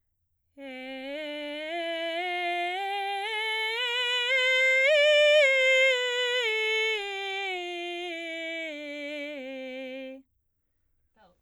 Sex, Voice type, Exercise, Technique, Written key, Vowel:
female, soprano, scales, belt, , e